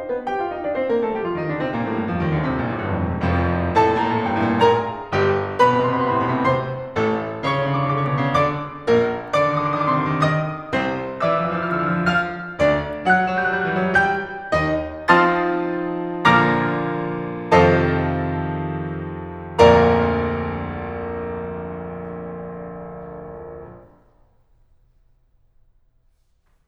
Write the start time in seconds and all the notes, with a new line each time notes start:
0.00 C4 C5
0.10 B3 B4
0.24 G4 G5
0.41 F4 F5
0.53 D#4 D#5
0.67 D4 D5
0.80 C4 C5
0.89 A#3 A#4
0.99 A3 A4
1.10 G3 G4
1.22 F3 F4
1.39 D#3 D#4
1.50 D3 D4
1.63 C3 C4
1.78 A#2 A#3
1.89 A2 A3
2.01 G2 G3
2.10 F2 F3
2.22 D#2 D#3
2.33 D2 D3
2.47 C2 C3
2.58 A#1 A#2
2.71 A1 A2
2.80 G1 G2
2.94 F1 F2
3.10 E1 E2
3.24 F1 F2 F3
3.80 A2 A4 A5
3.88 A#2 A#5
3.92 A2 A5
3.97 A#2 A#5
4.04 A2 A5
4.09 A#2 A#5
4.17 A2 A5
4.21 A#2 A#5
4.26 A2 A5
4.31 A#2 A#5
4.37 A2 A5
4.42 A2 A#2 A5 A#5
4.52 A#2 A#5
4.59 G2 G5
4.63 A2 A5
4.71 A#2 A#4 A#5
5.14 G1 G3 G4
5.58 B2 B4 B5
5.63 C3 C6
5.69 B2 B5
5.74 C3 C6
5.78 B2 B5
5.84 C3 C6
5.90 B2 B5
5.96 C3 C6
6.03 B2 B5
6.07 C3 C6
6.12 B2 B5
6.16 C3 C6
6.22 B2 B5
6.27 C3 C6
6.33 A2 A5
6.40 B2 B5
6.44 C3 C5 C6
7.00 A1 A3 A4
7.44 C#3 C#5 C#6
7.49 D3 D6
7.55 C#3 C#6
7.59 D3 D6
7.64 C#3 C#6
7.70 D3 D6
7.74 C#3 C#6
7.83 D3 D6
7.89 C#3 C#6
7.98 D3 D6
8.02 C#3 C#6
8.14 D3 D6
8.20 C#3 C#6
8.25 D3 D6
8.30 B2 B5
8.36 C#3 D3 D5 C#6 D6
8.89 A#1 A#3 A#4
9.37 D3 D5 D6
9.43 D#3 D#6
9.47 D3 D6
9.53 D#3 D#6
9.58 D3 D6
9.62 D#3 D#6
9.68 D3 D6
9.74 D#3 D#6
9.80 D3 D6
9.87 D#3 D#6
9.93 D3 D6
9.98 D#3 D#6
10.04 D3 D6
10.10 C3 D#3 C6 D#6
10.18 D3 D6
10.24 D#3 D#5 D#6
10.72 C3 C4 C5
11.23 E3 E5 E6
11.30 F3 F6
11.34 E3 E6
11.41 F3 F6
11.46 E3 E6
11.52 F3 F6
11.56 E3 E6
11.62 F3 F6
11.67 E3 E6
11.71 F3 F6
11.78 E3 E6
11.83 F3 F6
11.88 E3 E6
11.94 F3 F6
12.00 D3 D6
12.05 E3 E6
12.13 F3 F5 F6
12.56 D2 D4 D5
13.07 F#3 F#5 F#6
13.15 G3 G6
13.20 F#3 F#6
13.26 G3 G6
13.39 F#3 F#6
13.46 G3 G6
13.51 F#3 F#6
13.57 G3 G6
13.62 F#3 F#6
13.68 G3 G6
13.72 F#3 F#6
13.77 G3 G6
13.83 F#3 F#6
13.89 G3 G6
13.94 E3 F#3 E6 F#6
14.04 G3 G5 G6
14.55 D#2 D#3 D#4 D#5
15.08 F3 C4 D#4 F4 A5 C6 D#6 F6 A6
16.25 A#2 D3 F3 A#3 A#5 D6 F6 A#6
17.55 F2 C3 D#3 F3 A4 C5 D#5 F5 A5
19.88 A#1 D2 F2 A#2 A#4 D5 F5 A#5